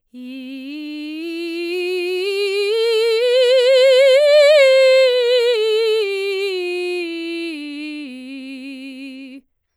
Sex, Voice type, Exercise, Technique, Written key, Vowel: female, soprano, scales, slow/legato forte, C major, i